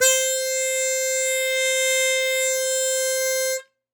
<region> pitch_keycenter=72 lokey=70 hikey=74 volume=3.474043 trigger=attack ampeg_attack=0.100000 ampeg_release=0.100000 sample=Aerophones/Free Aerophones/Harmonica-Hohner-Super64/Sustains/Accented/Hohner-Super64_Accented_C4.wav